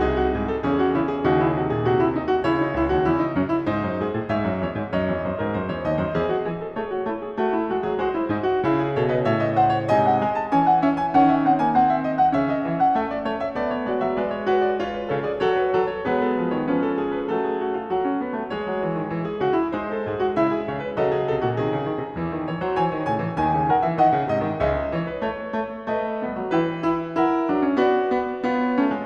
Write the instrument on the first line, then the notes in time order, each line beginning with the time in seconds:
piano
0.00 C2 D#4 G#4
0.16 F#4
0.31 G#2 G#4
0.49 A4
0.64 E2 C#3 C#4 G#4
0.78 F#4
0.99 C#3 E4
1.07 G#4
1.22 D#2 C#3 D#4 F#4
1.45 E4
1.59 C3 F#4
1.71 A#2 G#4
1.85 C3 F#4
2.02 E4
2.18 D#4
2.30 F#4
2.43 C#2 C#3 E4 C#5
2.62 D#4
2.77 C#2 E4
2.90 D#2 F#4
3.05 E2 E4
3.20 D#4
3.36 F#2 C#4
3.46 E4
3.65 G#2 D#4 C5
3.85 F#2
4.02 G#2 G#4
4.14 A2
4.27 G#2 C#5 E5
4.42 F#2
4.59 E2 C#5
4.71 G#2
4.86 F#2 D#5
4.91 C#5
5.04 E2
5.22 F#2 C5
5.36 G#2 A#4
5.56 F#2 C5
5.72 E2 C#5
5.87 D#2 D#5
6.01 F#2 C5
6.19 E2 G#4
6.39 F#4
6.46 E3 G#4
6.62 A4
6.76 A3 G#4 C#5
6.92 F#4
7.07 A3 E4
7.19 G#4
7.36 A3 F#4
7.55 E4
7.67 G#3 F#4
7.81 F#3 G#4
7.96 G#3 F#4 C5
8.14 E4
8.30 G#2 D#4
8.49 F#4
8.64 C#3 E4
8.81 G#4
8.94 B2 C#5
8.99 A4
9.11 B4 D#5
9.23 A2 C#5 E5
9.44 D#5
9.56 F#5
9.60 C5
9.74 C#5
9.86 G#2 C3 G#5
9.90 D#5
10.03 F#5
10.21 G#3 G#5
10.38 A5
10.51 E3 C#4 G#5
10.67 F#5
10.82 C#4 E5
10.96 G#5
11.12 D#3 C#4 F#5
11.31 E5
11.44 C4 F#5
11.61 A#3 G#5
11.74 C4 F#5
11.90 E5
12.03 D#5
12.19 F#5
12.33 C#3 C#4 E5
12.46 D#5
12.63 E3 E5
12.79 F#5
12.98 A3 E5
13.13 D5
13.21 A3 C#5
13.37 E5
13.55 A3 B3 D5
13.64 C#5
13.82 G#3 F#4 D5
13.99 F#3 E5
14.11 D5
14.15 G#3 B4
14.30 C#5
14.48 F#4 B4
14.52 B4
14.62 D5
14.77 F4 B4 C#5
14.90 B4
15.05 C#3 A4 C#5
15.20 D5
15.26 G#4
15.37 F#3 F#4 C#5
15.42 A4
15.57 B4
15.74 F#3 A4
15.91 C#5
16.10 F#3 G#3 B3 G#4 B4
16.21 A4
16.30 F3 B4
16.50 C#5
16.54 D#3
16.66 F3 C#4 B4
16.87 A4
17.02 G#4
17.17 B4
17.32 A3 A4
17.48 G#4
17.64 F#4
17.74 F4
17.91 F#4
18.05 C#4
18.20 B3
18.37 A3
18.49 G#3 C#5
18.55 G#4
18.69 F#3
18.81 E3
18.92 D#3
19.13 E3
19.25 G#4
19.38 C#3 F#4
19.56 E4
19.69 G#3 C5
19.74 D#4
19.96 A4
20.03 G#2 G#4
20.20 F#4
20.33 C#3 E5
20.38 E4
20.55 G#4
20.70 C#3 C#5
20.79 B4
20.90 D#5
20.94 C#3 F#3 A4
21.13 G#4
21.28 B2 A4
21.40 A#2 F#4
21.54 B2 G#4
21.72 C#3
21.88 D#3
21.97 B2
22.18 E2 E3
22.34 D#3
22.45 E3 C#5
22.62 F#3 C5
22.76 E3 G#5
22.83 C#5
22.96 D#3
23.05 C#3 G#5
23.09 A2
23.17 E3
23.29 G#5
23.34 D#2 D#3
23.53 C#3
23.68 D#3 A#4 F#5
23.84 E3 E5
24.01 D#3 F#5
24.07 D#5
24.17 C#3
24.30 G#2 C3 D#5
24.45 D#3
24.59 C#2 C#3 E5
24.65 D#5
24.94 E3 C#5
25.09 B4
25.24 A3 C#5
25.60 A3
25.91 D#5
25.96 A3 B4
26.24 G3 B3
26.38 F#3
26.49 E3 E4 G5
26.56 B4
26.77 E4
27.17 E4 F#5
27.21 A#4
27.49 F#3 D4
27.63 C#4
27.76 B3 F#4
27.82 D5
28.20 B3
28.51 B3 F4
28.57 C#5
28.79 A3 C#4
28.93 G#3